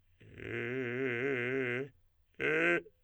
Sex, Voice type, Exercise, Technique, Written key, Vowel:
male, tenor, long tones, inhaled singing, , e